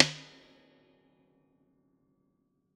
<region> pitch_keycenter=62 lokey=62 hikey=62 volume=2.000000 ampeg_attack=0.004000 ampeg_release=0.300000 sample=Chordophones/Zithers/Dan Tranh/FX/FX_05c.wav